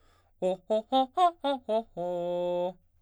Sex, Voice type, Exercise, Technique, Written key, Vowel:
male, baritone, arpeggios, fast/articulated forte, F major, o